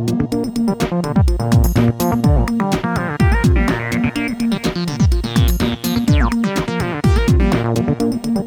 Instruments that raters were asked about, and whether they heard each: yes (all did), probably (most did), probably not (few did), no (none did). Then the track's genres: voice: no
synthesizer: yes
guitar: probably not
mallet percussion: probably not
Electronic